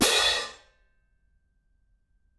<region> pitch_keycenter=61 lokey=61 hikey=61 volume=0.000000 offset=25 ampeg_attack=0.004000 ampeg_release=30.000000 sample=Idiophones/Struck Idiophones/Clash Cymbals 1/cymbal_crash1_short1.wav